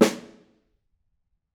<region> pitch_keycenter=61 lokey=61 hikey=61 volume=3.107743 offset=221 lovel=111 hivel=127 seq_position=2 seq_length=2 ampeg_attack=0.004000 ampeg_release=15.000000 sample=Membranophones/Struck Membranophones/Snare Drum, Modern 1/Snare2_HitSN_v9_rr2_Mid.wav